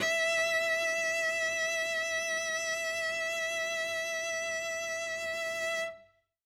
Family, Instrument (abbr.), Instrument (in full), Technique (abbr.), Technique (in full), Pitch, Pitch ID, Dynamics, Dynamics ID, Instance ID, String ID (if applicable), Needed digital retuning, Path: Strings, Vc, Cello, ord, ordinario, E5, 76, ff, 4, 0, 1, FALSE, Strings/Violoncello/ordinario/Vc-ord-E5-ff-1c-N.wav